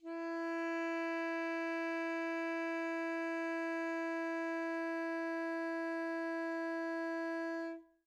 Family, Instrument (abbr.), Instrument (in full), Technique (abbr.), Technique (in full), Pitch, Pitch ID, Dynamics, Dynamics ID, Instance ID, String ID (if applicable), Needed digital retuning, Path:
Winds, ASax, Alto Saxophone, ord, ordinario, E4, 64, mf, 2, 0, , FALSE, Winds/Sax_Alto/ordinario/ASax-ord-E4-mf-N-N.wav